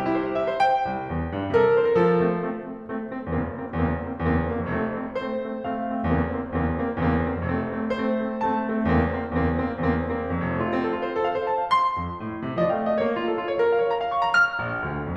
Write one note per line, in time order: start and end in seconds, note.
0.00 0.09 G4
0.10 0.20 E4
0.21 0.31 C5
0.31 0.42 G4
0.42 0.52 E5
0.53 0.63 C5
0.64 1.53 G5
0.88 1.09 C2
1.09 1.32 E2
1.32 1.53 G2
1.54 1.75 C3
1.54 1.64 A#4
1.59 1.70 C5
1.65 1.75 A#4
1.70 1.79 C5
1.75 1.95 E3
1.75 1.86 A#4
1.80 1.92 C5
1.86 1.95 A4
1.92 2.40 F3
1.92 2.17 A4
1.92 1.95 A#4
2.17 2.40 A3
2.17 2.40 C4
2.40 2.66 A3
2.40 2.66 C4
2.67 2.89 A3
2.67 2.89 C4
2.89 3.09 A3
2.89 3.09 C4
3.09 3.32 A3
3.09 3.32 C4
3.32 3.42 E2
3.32 3.62 A#3
3.32 3.62 C4
3.42 3.62 F#1
3.63 3.83 A#3
3.63 3.83 C4
3.83 3.92 E2
3.83 4.04 A#3
3.83 4.04 C4
3.92 4.04 F#1
4.05 4.28 A#3
4.05 4.28 C4
4.28 4.39 E2
4.28 4.49 A#3
4.28 4.49 C4
4.39 4.49 F#1
4.52 4.73 A#3
4.52 4.73 C4
4.73 4.85 F2
4.73 4.99 A3
4.73 4.99 C4
4.85 4.99 F1
4.99 5.21 A3
4.99 5.21 C4
5.21 5.42 A3
5.21 5.42 C4
5.21 5.65 C5
5.42 5.65 A3
5.42 5.65 C4
5.67 5.90 A3
5.67 5.90 C4
5.67 5.90 F5
5.90 6.08 A3
5.90 6.08 C4
6.10 6.25 E2
6.10 6.35 A#3
6.10 6.35 C4
6.25 6.35 F#1
6.35 6.56 A#3
6.35 6.56 C4
6.57 6.71 E2
6.57 6.82 A#3
6.57 6.82 C4
6.72 6.82 F#1
6.82 7.00 A#3
6.82 7.00 C4
7.02 7.12 E2
7.02 7.24 A#3
7.02 7.24 C4
7.13 7.24 F#1
7.24 7.47 A#3
7.24 7.47 C4
7.47 7.57 F2
7.47 7.70 A3
7.47 7.70 C4
7.58 7.70 F1
7.70 7.89 A3
7.70 7.89 C4
7.89 8.16 A3
7.89 8.16 C4
7.89 8.46 C5
8.17 8.46 A3
8.17 8.46 C4
8.46 8.71 A3
8.46 8.71 C4
8.46 8.71 A5
8.72 8.94 A3
8.72 8.94 C4
8.94 9.08 E2
8.94 9.16 A#3
8.94 9.16 C4
9.08 9.16 F#1
9.16 9.36 A#3
9.16 9.36 C4
9.36 9.47 E2
9.36 9.58 A#3
9.36 9.58 C4
9.47 9.58 F#1
9.59 9.80 A#3
9.59 9.80 C4
9.80 9.91 E2
9.80 10.10 A#3
9.80 10.10 C4
9.91 10.10 F#1
10.10 10.31 A#3
10.10 10.31 C4
10.31 10.46 F2
10.46 10.62 F1
10.46 10.62 A3
10.62 10.74 F4
10.75 10.88 C4
10.89 10.97 A4
10.97 11.08 F4
11.08 11.19 C5
11.20 11.25 A4
11.25 11.33 F5
11.33 11.44 C5
11.44 11.55 A5
11.55 11.70 F5
11.71 12.61 C6
11.97 12.20 F2
12.20 12.41 A2
12.41 12.61 C3
12.62 12.82 F3
12.62 12.70 D#5
12.67 12.76 F5
12.71 12.82 D#5
12.76 12.86 F5
12.82 13.03 A3
12.82 12.92 D#5
12.88 12.97 F5
12.92 13.03 D5
12.98 13.03 D#5
13.03 13.44 A#3
13.03 13.08 C#5
13.08 13.19 F4
13.19 13.33 A#4
13.33 13.44 F4
13.44 13.55 C#5
13.56 13.70 A#4
13.71 13.83 F5
13.83 13.93 C#5
13.93 14.02 A#5
14.02 14.13 F5
14.14 14.27 C#6
14.27 14.37 A#5
14.37 15.17 F6
14.63 14.85 A#1
14.85 15.03 D2
15.03 15.17 F2